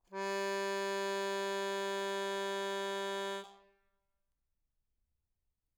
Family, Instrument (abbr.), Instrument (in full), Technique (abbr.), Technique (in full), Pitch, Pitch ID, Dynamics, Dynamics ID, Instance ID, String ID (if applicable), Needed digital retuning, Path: Keyboards, Acc, Accordion, ord, ordinario, G3, 55, mf, 2, 1, , FALSE, Keyboards/Accordion/ordinario/Acc-ord-G3-mf-alt1-N.wav